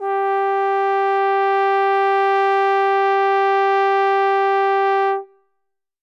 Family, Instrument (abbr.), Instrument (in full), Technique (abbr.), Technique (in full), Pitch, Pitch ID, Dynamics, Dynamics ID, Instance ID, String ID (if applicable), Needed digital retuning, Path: Brass, Tbn, Trombone, ord, ordinario, G4, 67, ff, 4, 0, , FALSE, Brass/Trombone/ordinario/Tbn-ord-G4-ff-N-N.wav